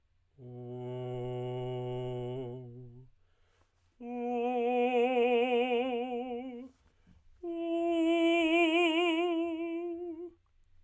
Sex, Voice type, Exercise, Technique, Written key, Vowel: male, tenor, long tones, messa di voce, , u